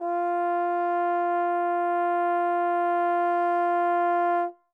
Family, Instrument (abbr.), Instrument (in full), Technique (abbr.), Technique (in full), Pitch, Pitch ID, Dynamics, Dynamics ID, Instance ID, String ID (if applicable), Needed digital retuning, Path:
Brass, Tbn, Trombone, ord, ordinario, F4, 65, mf, 2, 0, , FALSE, Brass/Trombone/ordinario/Tbn-ord-F4-mf-N-N.wav